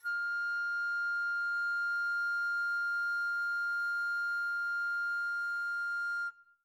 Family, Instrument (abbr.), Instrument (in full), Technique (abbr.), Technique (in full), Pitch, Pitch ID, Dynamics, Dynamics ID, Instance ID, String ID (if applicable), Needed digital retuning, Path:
Winds, Fl, Flute, ord, ordinario, F6, 89, mf, 2, 0, , FALSE, Winds/Flute/ordinario/Fl-ord-F6-mf-N-N.wav